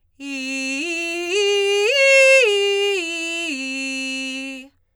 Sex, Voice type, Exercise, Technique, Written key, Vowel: female, soprano, arpeggios, belt, , i